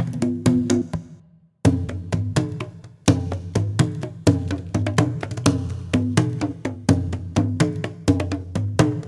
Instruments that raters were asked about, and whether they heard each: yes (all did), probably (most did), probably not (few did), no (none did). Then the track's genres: violin: no
trombone: no
drums: yes
saxophone: no
International